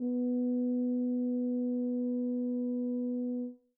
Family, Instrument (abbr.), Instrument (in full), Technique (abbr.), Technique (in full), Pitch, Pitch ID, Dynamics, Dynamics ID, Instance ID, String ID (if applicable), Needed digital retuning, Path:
Brass, BTb, Bass Tuba, ord, ordinario, B3, 59, mf, 2, 0, , FALSE, Brass/Bass_Tuba/ordinario/BTb-ord-B3-mf-N-N.wav